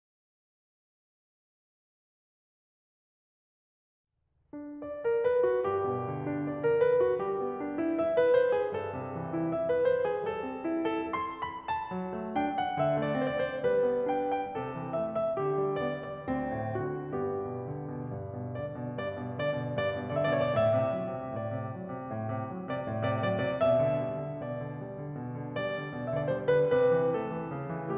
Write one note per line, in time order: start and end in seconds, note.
4.16 4.82 D4
4.82 5.07 D5
5.08 5.27 A#4
5.28 5.48 B4
5.48 5.66 F#4
5.70 6.83 G2
5.70 6.28 G4
5.89 6.83 B2
6.06 6.83 D3
6.29 6.49 D4
6.49 6.64 D5
6.64 6.83 A#4
6.84 7.07 B4
7.07 7.26 F#4
7.27 8.32 G3
7.27 7.81 G4
7.44 8.32 B3
7.62 8.32 D4
7.82 7.99 E4
8.00 8.16 E5
8.16 8.32 B4
8.34 8.51 C5
8.52 8.74 G#4
8.74 9.87 G2
8.74 9.36 A4
9.01 9.87 C3
9.17 9.87 E3
9.36 9.52 E4
9.53 9.69 E5
9.69 9.87 B4
9.88 10.04 C5
10.05 10.27 G#4
10.27 11.68 G3
10.27 10.88 A4
10.46 11.68 C4
10.65 11.68 E4
10.88 11.05 A4
11.06 11.37 C6
11.42 11.68 B5
11.68 12.38 A5
11.92 12.13 F#3
12.17 12.38 A3
12.38 12.57 D4
12.38 12.57 G5
12.58 12.82 F#5
12.82 13.00 D3
12.82 13.00 E5
13.00 13.22 A3
13.00 13.22 D5
13.25 13.46 C4
13.25 13.46 C5
13.46 13.49 D5
13.50 13.68 C5
13.70 13.84 G3
13.70 14.13 B4
13.87 14.13 B3
14.13 14.27 D4
14.13 14.27 G5
14.28 14.45 G5
14.47 14.74 C3
14.47 14.96 A4
14.74 14.96 E3
14.98 15.16 A3
14.98 15.16 E5
15.17 15.49 E5
15.49 15.68 D3
15.49 15.87 G4
15.70 15.87 G3
15.87 16.04 B3
15.87 16.04 D5
16.04 16.22 D5
16.23 16.44 D2
16.23 16.88 C4
16.44 16.88 A2
16.90 17.15 D3
16.90 17.15 F#4
17.16 17.40 G2
17.16 18.13 B3
17.16 18.13 G4
17.40 17.60 B2
17.61 17.89 D3
17.93 18.13 B2
18.13 18.37 G2
18.38 18.54 B2
18.55 18.71 D3
18.55 18.88 D5
18.71 18.88 B2
18.89 19.10 G2
18.89 19.36 D5
19.19 19.36 B2
19.36 19.53 D3
19.36 19.76 D5
19.54 19.76 B2
19.76 19.91 G2
19.76 20.12 D5
19.92 20.12 B2
20.13 20.34 D3
20.13 20.34 D5
20.24 20.48 E5
20.34 20.55 B2
20.34 20.55 C#5
20.48 20.64 D5
20.56 20.75 A2
20.56 21.35 E5
20.76 21.00 C3
21.00 21.16 F#3
21.18 21.35 C3
21.38 21.57 A2
21.38 21.74 D5
21.57 21.74 C3
21.76 21.92 F#3
21.93 22.12 C3
22.12 22.30 A2
22.31 22.50 C3
22.50 22.69 F#3
22.69 22.86 C3
22.69 22.86 D5
22.87 23.08 A2
22.87 23.08 D5
23.08 23.24 C3
23.08 23.24 D5
23.25 23.43 F#3
23.25 23.43 D5
23.44 23.61 C3
23.44 23.61 D5
23.61 23.86 B2
23.61 24.42 E5
23.87 24.04 D3
24.06 24.22 G3
24.22 24.42 D3
24.43 24.60 B2
24.43 24.81 D5
24.61 24.81 D3
24.81 24.98 G3
25.00 25.19 D3
25.19 25.37 B2
25.37 25.59 D3
25.60 25.77 G3
25.60 26.09 D5
25.77 25.94 D3
25.95 26.09 B2
26.10 26.30 D3
26.10 26.17 E5
26.18 26.30 D5
26.30 26.54 G3
26.30 26.54 C5
26.55 26.76 D3
26.55 26.76 B4
26.80 26.96 C3
26.80 27.14 B4
26.96 27.14 E3
27.15 27.32 A3
27.15 27.97 A4
27.33 27.53 E3
27.53 27.76 C#3
27.77 27.97 E3